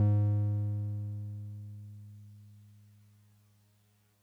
<region> pitch_keycenter=44 lokey=43 hikey=46 volume=11.793241 lovel=66 hivel=99 ampeg_attack=0.004000 ampeg_release=0.100000 sample=Electrophones/TX81Z/Piano 1/Piano 1_G#1_vl2.wav